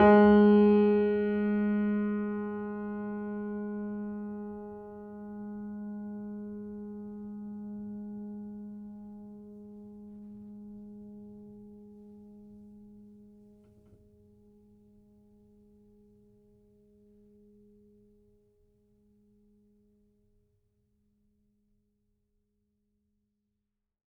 <region> pitch_keycenter=56 lokey=56 hikey=57 volume=1.438034 lovel=0 hivel=65 locc64=65 hicc64=127 ampeg_attack=0.004000 ampeg_release=0.400000 sample=Chordophones/Zithers/Grand Piano, Steinway B/Sus/Piano_Sus_Close_G#3_vl2_rr1.wav